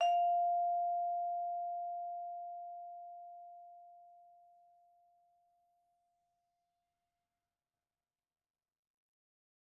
<region> pitch_keycenter=77 lokey=76 hikey=79 volume=18.131461 offset=105 lovel=0 hivel=83 ampeg_attack=0.004000 ampeg_release=15.000000 sample=Idiophones/Struck Idiophones/Vibraphone/Hard Mallets/Vibes_hard_F4_v2_rr1_Main.wav